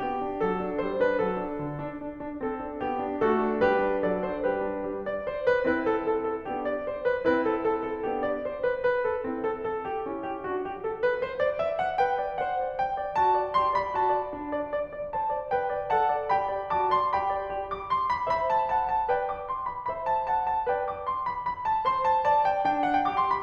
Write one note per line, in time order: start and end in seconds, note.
0.00 0.20 B3
0.00 0.42 G4
0.20 0.42 D4
0.42 0.59 F#3
0.42 0.80 A4
0.59 0.80 D4
0.81 1.00 G3
0.81 1.00 C5
1.01 1.21 D4
1.01 1.21 B4
1.21 1.44 F#3
1.21 1.63 A4
1.44 1.63 D4
1.63 2.03 D3
1.85 2.03 D4
2.04 2.23 D4
2.24 2.41 D4
2.43 2.64 C4
2.43 2.82 A4
2.64 2.82 D4
2.82 3.01 B3
2.82 3.22 G4
3.01 3.22 D4
3.22 3.39 A3
3.22 3.60 F#4
3.22 3.60 A4
3.40 3.60 D4
3.61 3.81 G3
3.61 4.05 G4
3.61 4.05 B4
3.81 4.05 D4
4.05 4.28 F#3
4.05 4.28 A4
4.05 4.28 D5
4.28 4.47 D4
4.28 4.47 C5
4.47 4.67 G3
4.47 4.82 G4
4.47 4.82 B4
4.67 4.82 D4
4.83 5.25 G3
5.04 5.25 D5
5.25 5.48 C5
5.48 5.68 B4
5.68 6.44 C4
5.68 6.44 E4
5.68 5.86 B4
5.86 6.04 A4
6.05 6.20 A4
6.21 6.44 A4
6.46 6.83 B3
6.46 6.83 D4
6.46 6.64 G4
6.64 6.83 D5
6.83 7.01 C5
7.01 7.24 B4
7.24 8.07 C4
7.24 8.07 E4
7.24 7.43 B4
7.44 7.60 A4
7.62 7.81 A4
7.81 8.07 A4
8.07 8.45 B3
8.07 8.45 D4
8.07 8.25 G4
8.25 8.45 D5
8.45 8.67 C5
8.67 8.89 B4
8.90 9.11 B4
9.13 9.28 A4
9.28 9.67 C4
9.28 9.67 E4
9.49 9.67 A4
9.67 9.87 A4
9.87 10.05 G4
10.05 10.48 C#4
10.05 10.48 E4
10.26 10.48 G4
10.50 10.80 D4
10.50 10.66 F#4
10.66 10.80 G4
10.80 10.98 A4
10.98 11.20 B4
11.20 11.40 C5
11.41 11.62 D5
11.63 11.82 E5
11.82 12.02 F#5
12.02 12.23 B4
12.02 12.48 G5
12.23 12.48 D5
12.48 12.65 C5
12.48 12.83 F#5
12.65 12.83 D5
12.84 12.99 B4
12.84 13.20 G5
13.00 13.20 D5
13.20 13.39 F#4
13.20 13.56 A5
13.39 13.56 D5
13.56 13.75 G4
13.56 13.75 C6
13.75 13.96 D5
13.75 13.96 B5
13.96 14.14 F#4
13.96 14.32 A5
14.15 14.32 D5
14.33 14.72 D4
14.55 14.72 D5
14.72 14.90 D5
14.90 15.10 D5
15.10 15.29 C5
15.10 15.46 A5
15.30 15.46 D5
15.48 15.69 B4
15.48 15.91 G5
15.69 15.91 D5
15.91 16.08 A4
15.91 16.31 F#5
15.91 16.31 A5
16.08 16.31 D5
16.31 16.50 G4
16.31 16.71 G5
16.31 16.71 B5
16.50 16.71 D5
16.72 16.94 F#4
16.72 16.94 A5
16.72 16.94 D6
16.95 17.15 D5
16.95 17.15 C6
17.15 17.32 G4
17.15 17.50 G5
17.15 17.50 B5
17.32 17.50 D5
17.50 17.87 G4
17.68 17.87 D6
17.87 18.09 C6
18.10 18.26 B5
18.27 19.09 C5
18.27 18.69 E5
18.27 18.49 B5
18.49 18.69 A5
18.69 19.09 F#5
18.69 18.88 A5
18.88 19.09 A5
19.09 19.47 B4
19.09 19.47 D5
19.09 19.31 G5
19.32 19.47 D6
19.48 19.69 C6
19.69 19.88 B5
19.88 20.68 C5
19.88 20.26 E5
19.88 20.07 B5
20.07 20.26 A5
20.26 20.68 F#5
20.26 20.45 A5
20.45 20.68 A5
20.69 21.07 B4
20.69 21.07 D5
20.69 20.87 G5
20.89 21.07 D6
21.07 21.28 C6
21.28 21.49 B5
21.49 21.66 B5
21.66 21.85 A5
21.85 22.24 C5
21.85 22.02 C6
22.05 22.24 A5
22.26 22.67 D5
22.26 22.47 A5
22.47 22.67 G5
22.67 23.07 D4
22.67 22.85 G5
22.86 23.07 F#5
23.07 23.42 G4
23.07 23.09 G5
23.07 23.20 D6
23.20 23.32 C6
23.32 23.42 B5